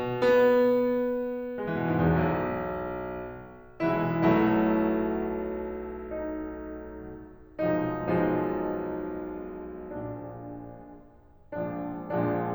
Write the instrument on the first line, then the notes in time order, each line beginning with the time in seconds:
piano
0.00 B3
1.39 B3
1.59 G#3
1.67 E3
1.78 B2
1.87 G#2
1.97 E2
2.05 B1
3.85 B1 B2 E3 G#3 E4
4.20 B1 B2 F#3 A3 E4
6.08 D#4
7.84 B1 B2 F3 G#3 D#4
8.08 B1 B2 F3 G#3 D#4
9.91 A#1 A#2 D4
12.29 A#1 A#2 F3 G#3 D4